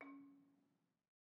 <region> pitch_keycenter=61 lokey=60 hikey=63 volume=21.378594 offset=209 lovel=0 hivel=65 ampeg_attack=0.004000 ampeg_release=30.000000 sample=Idiophones/Struck Idiophones/Balafon/Soft Mallet/EthnicXylo_softM_C#3_vl1_rr1_Mid.wav